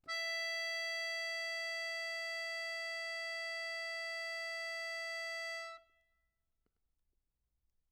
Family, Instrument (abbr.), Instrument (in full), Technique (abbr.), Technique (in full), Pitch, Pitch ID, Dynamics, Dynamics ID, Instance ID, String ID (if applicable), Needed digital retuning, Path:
Keyboards, Acc, Accordion, ord, ordinario, E5, 76, mf, 2, 1, , FALSE, Keyboards/Accordion/ordinario/Acc-ord-E5-mf-alt1-N.wav